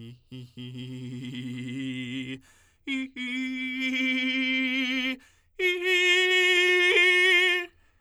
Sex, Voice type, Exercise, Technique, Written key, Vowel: male, tenor, long tones, trillo (goat tone), , i